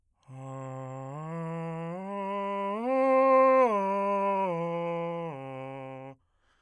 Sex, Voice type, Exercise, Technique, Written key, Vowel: male, bass, arpeggios, breathy, , a